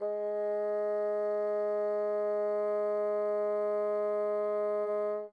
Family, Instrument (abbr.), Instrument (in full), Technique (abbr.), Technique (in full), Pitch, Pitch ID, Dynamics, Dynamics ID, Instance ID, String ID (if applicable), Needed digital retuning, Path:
Winds, Bn, Bassoon, ord, ordinario, G#3, 56, mf, 2, 0, , FALSE, Winds/Bassoon/ordinario/Bn-ord-G#3-mf-N-N.wav